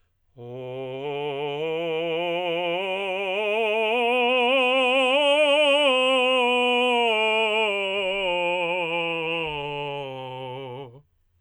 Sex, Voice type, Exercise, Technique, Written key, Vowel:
male, tenor, scales, slow/legato forte, C major, o